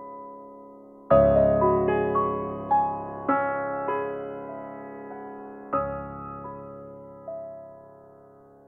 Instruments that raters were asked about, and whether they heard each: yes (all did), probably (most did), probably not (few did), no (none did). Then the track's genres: accordion: probably not
drums: no
piano: yes
Classical